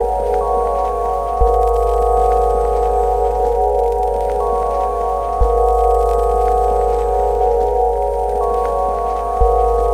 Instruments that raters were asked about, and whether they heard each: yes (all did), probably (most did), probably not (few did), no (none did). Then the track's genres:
organ: probably
Ambient Electronic